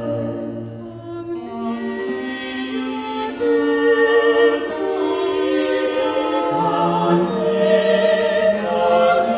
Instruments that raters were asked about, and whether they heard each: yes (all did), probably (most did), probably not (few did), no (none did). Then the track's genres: voice: yes
Choral Music